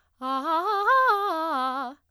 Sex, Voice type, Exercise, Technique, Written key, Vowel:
female, soprano, arpeggios, fast/articulated forte, C major, a